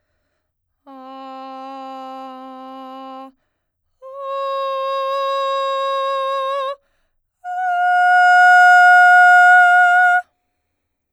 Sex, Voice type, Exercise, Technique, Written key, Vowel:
female, soprano, long tones, straight tone, , a